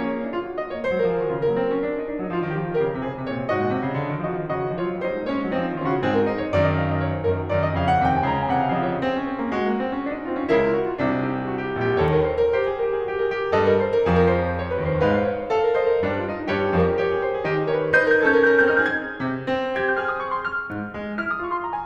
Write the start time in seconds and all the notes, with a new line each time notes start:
0.00 A#3 C#4 C#5
0.16 D#4
0.28 E4
0.38 F4
0.52 F#4
0.63 D#5
0.74 A#3 C#5
0.84 G#3 C5
1.00 F#3 A#4
1.10 F3 G#4
1.20 D#3 G4
1.30 C#3 F4
1.39 F#3 A#3 A#4
1.50 C4
1.67 C#4
1.75 D4
1.93 D#4 A#4
2.04 D4
2.22 F#3 D#4
2.36 F3 F4
2.48 D#3 F#4
2.60 F3
2.71 D#3 G4 A#4
2.83 C#3
2.97 C3 G#4 C5
3.08 C#3
3.24 C3 C#5
3.37 A#2
3.47 G#2 F#4 D#5
3.59 A#2
3.74 C3
3.88 C#3
4.02 D3
4.13 D#3
4.25 F3 F#4 D#5
4.37 D#3
4.48 C#3 F#4 D#5
4.62 D#3
4.71 F3 F4 C#5
4.82 F#3
4.97 G3 D#4 C5
5.09 G#3
5.24 A#3 C#4 C#5
5.39 G#3
5.49 F#3 C4 D#4
5.62 F3
5.71 D#3 C#4 F4
5.83 C#3 F#4
6.00 G#2 C4 G#4
6.15 A#4
6.26 D#4 C5
6.39 C#5
6.50 F#2 D#3 D5
6.59 D#5
6.78 F5
6.88 D#5
6.99 C#5
7.08 C5
7.20 F#2 D#3 A#4
7.31 G#4
7.47 F#2 D#3 C#5
7.58 D#5
7.71 F2 C#3 F5
7.88 F#5
7.98 D#2 C3 G5
8.12 G#5
8.23 C#2 C#3 A#5
8.37 G#5
8.49 C3 D#3 F#5
8.59 F5
8.77 C#3 F3 D#5
8.92 C#5
9.02 C4 G#4
9.13 C#4
9.29 C4
9.42 A#3
9.53 G#3 F#4
9.65 A#3
9.76 C4
9.88 C#4
10.02 D4
10.12 D#4
10.29 C4 F4
10.40 C#4
10.50 C#2 C#3 E4 A#4
10.63 F4
10.79 F#4
10.88 F4
10.98 C2 C3 D4
11.10 D#4
11.19 G4
11.32 G#4
11.47 F#4
11.67 G4
11.77 A#1 A#2 G#4
11.87 G4
12.00 D#2 D#3 A4 C#5
12.14 A#4
12.26 C5
12.34 A#4
12.45 G4 C5
12.62 G#4
12.75 A#4
12.85 G#4
12.97 F#4
13.06 G4
13.20 G#4 A#4
13.35 G4
13.56 G2 G3 A4 D#5
13.72 A#4
13.90 C5
14.00 A#4
14.11 F2 F3 G#4
14.20 A#4
14.33 C5
14.42 C#5
14.55 C5
14.64 C#5
14.72 D#2 D#3 B4
14.84 C5
14.98 G#2 G#3 B4 F5
15.06 C5
15.16 C#5
15.34 C5
15.51 A4 F5
15.63 A#4
15.74 C5 D#5
15.86 A#4
16.04 G2 G3 D4
16.15 D#4
16.28 F4
16.39 D#4
16.50 G2 G3 G4 C#5
16.65 G#4
16.75 F2 F3 A#4
16.86 G#4
16.96 G4 C#5
17.08 G#4
17.18 A#4 C5
17.30 G#4
17.47 D#3 D#4 G4
17.59 G#4
17.74 A#4 C#5
17.84 B4
17.94 D#4 C5 G6
18.07 G#6
18.11 A#4 G6
18.19 G#6
18.27 C#4 A4 G6
18.45 G#6
18.49 A#4 G6
18.55 G#6
18.67 C#4 A#4 G6
18.72 G#6
18.77 G#4 G6
18.83 G#6
18.88 C4 G4 G6 G#6
18.96 G#4 F6
19.01 G6
19.06 G#6
19.26 C3
19.47 C4
19.78 G4 G#6
19.93 G6
20.04 G#4 F6
20.18 D#6
20.27 C#6
20.39 C6
20.49 F6
20.70 G#2
20.97 G#3
21.20 E4 F6
21.34 D#6
21.46 F4 C#6
21.55 C6
21.66 A#5
21.76 G#5